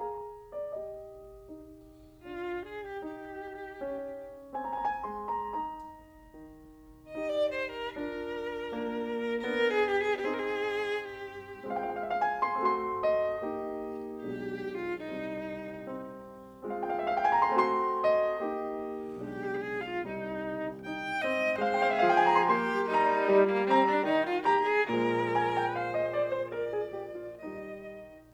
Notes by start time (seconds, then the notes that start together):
0.01 G#4 A#5
0.51 D5
0.71 G4 D#5
1.45 D#4
2.20 D4 F4
2.58 G#4
2.79 G4
3.01 D#4 G4
3.80 C#4
4.55 C4 G#5
4.64 A#5
4.74 G#5
4.86 A#5
5.04 G#3 C6
5.29 A#5
5.53 D#4 A#5
6.41 G3
7.16 D#4 G4 D#5
7.33 D5
7.51 C5
7.69 A#4
7.92 D4 F4 A#4
8.69 A#3 D4
9.42 B3 D4 A#4
9.53 G#4
9.80 G4
10.00 G#4
10.18 C4 D#4 G4
10.22 G#4
10.27 G#4 A#4
10.84 G4
11.67 G#3 C4 F4 F5
11.73 G5
11.86 F5
11.92 E5
12.02 F5
12.21 G#5
12.42 C6
12.64 A3 C4 F#4 C6
13.06 D#5
13.45 A#3 D#4 G4
14.24 B1 B2 G#3 D4 G4
14.79 F4
14.97 C2 C3 G3 C4 D#4
15.85 C4
16.64 G#3 C4 F4 F5
16.75 G5
16.86 F5
17.03 E5
17.12 F5
17.19 G5
17.27 G#5
17.33 A#5
17.48 C6
17.61 A3 C4 F#4 C6
18.01 D#5
18.41 A#3 D#4 G4
19.17 B1 B2 G#3 D4 G4
19.79 F4
20.03 C2 C3 G3 C4 D#4
20.80 D#4 G5
21.22 C4 D#5
21.62 G#3 C5 F5
21.72 G5
21.81 F5
21.91 E5
22.01 F3 G#4 F5
22.09 G5
22.20 G#5
22.27 A#5
22.40 C6
22.49 A#3 G4 C6
22.89 G3 D#4 A#5
23.26 G3
23.49 A#3
23.67 C4 A#5
23.85 D4
24.04 D#3 D#4
24.28 F4
24.47 G4 A#5
24.67 G#4
24.90 A#2 F3 G#3 A#4 A#5
25.36 G#5
25.57 G5
25.77 C5 F5
25.97 D#5
26.15 D5
26.35 C5
26.53 A#4 D5
26.72 G#4
26.93 G4
27.16 F4
27.41 D#3 G3 D#4 D#5